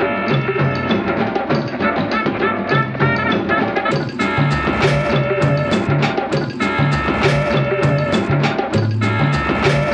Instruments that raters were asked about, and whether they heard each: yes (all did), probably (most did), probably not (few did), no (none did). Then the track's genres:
trombone: probably
trumpet: yes
Experimental; Sound Collage; Trip-Hop